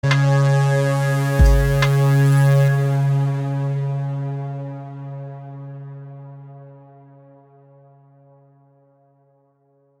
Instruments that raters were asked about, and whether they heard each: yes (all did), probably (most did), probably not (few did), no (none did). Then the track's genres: trumpet: no
synthesizer: yes
trombone: no
Electronic; IDM; Downtempo